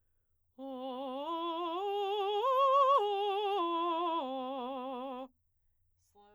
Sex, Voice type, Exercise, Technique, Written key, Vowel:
female, soprano, arpeggios, slow/legato forte, C major, o